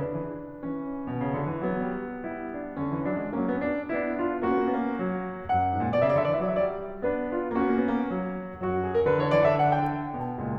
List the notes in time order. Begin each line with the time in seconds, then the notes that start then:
0.00 D3 D4 B4
0.12 E3
0.63 E3 C#4
1.11 B2
1.28 C#3
1.42 D3
1.52 E3
1.64 F#3 B3
1.78 G3
2.28 G3 B3 E4
2.60 D4
2.80 D3 B3 C#4
2.89 E3
3.03 F#3 D4
3.18 G#3
3.29 F#3 A#3 C#4
3.40 B3
3.55 D4
3.91 B3 D4 E4
4.19 F4
4.44 A#3 C#4 F#4
4.48 B3
4.54 A#3
4.60 B3
4.67 A#3
4.73 B3
4.77 A#3
4.82 B3
4.89 F#3 A#3
4.97 B3
5.05 A#3
5.11 B3
5.15 A#3
5.21 B3
5.27 A#3
5.36 B3
5.53 F#2 F#5
5.75 G#2
5.85 A#2
5.98 B2 D5
6.03 E5
6.08 C#3 D5
6.14 D3 D5 E5
6.22 E5
6.27 E3 D5
6.33 E5
6.40 F#3 D5
6.55 E5
6.61 D5
6.65 E5
6.77 D5
6.82 E5
6.88 D5
6.99 E5
7.04 B3 D4 B4
7.31 F4
7.53 A#3 C#4 F#4
7.59 B3
7.65 A#3
7.79 B3
7.86 A#3
7.92 B3
7.96 A#3
8.02 B3
8.07 F#3 A#3
8.13 B3
8.22 A#3
8.28 B3
8.34 A#3
8.41 B3
8.46 A#3
8.51 B3
8.59 F#2 F#3 F#4
8.87 G#4
8.97 A#4
9.08 D3 B4
9.15 E3
9.20 D3 C#5
9.25 E3
9.30 D3 D5
9.36 E3
9.46 D3 E5
9.54 E3
9.62 D3 F#5
9.69 E3
9.74 D3 G5
9.80 E3
9.86 D3
9.93 E3
10.00 D3
10.10 E3
10.16 B2 G5
10.37 C#2 A#2